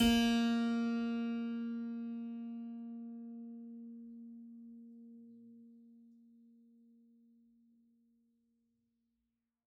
<region> pitch_keycenter=58 lokey=58 hikey=59 volume=-2 seq_position=1 seq_length=2 trigger=attack ampeg_attack=0.004000 ampeg_release=0.400000 amp_veltrack=0 sample=Chordophones/Zithers/Harpsichord, French/Sustains/Harpsi2_Normal_A#2_rr1_Main.wav